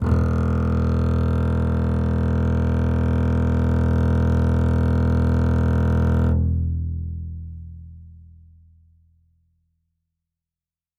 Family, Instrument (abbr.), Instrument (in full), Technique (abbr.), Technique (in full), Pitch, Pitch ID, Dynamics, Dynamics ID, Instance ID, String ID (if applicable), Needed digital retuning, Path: Strings, Cb, Contrabass, ord, ordinario, E1, 28, ff, 4, 3, 4, FALSE, Strings/Contrabass/ordinario/Cb-ord-E1-ff-4c-N.wav